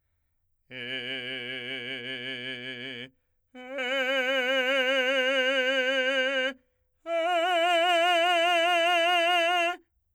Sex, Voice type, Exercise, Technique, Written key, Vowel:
male, , long tones, full voice forte, , e